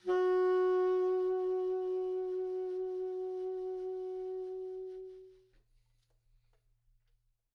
<region> pitch_keycenter=66 lokey=66 hikey=68 tune=7 volume=17.089534 offset=819 ampeg_attack=0.004000 ampeg_release=0.500000 sample=Aerophones/Reed Aerophones/Tenor Saxophone/Vibrato/Tenor_Vib_Main_F#3_var2.wav